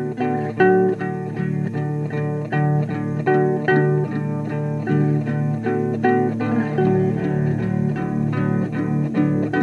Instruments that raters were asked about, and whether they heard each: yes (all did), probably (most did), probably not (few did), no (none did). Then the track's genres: trumpet: no
guitar: yes
Folk